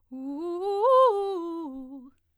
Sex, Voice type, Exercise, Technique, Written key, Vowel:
female, soprano, arpeggios, fast/articulated piano, C major, u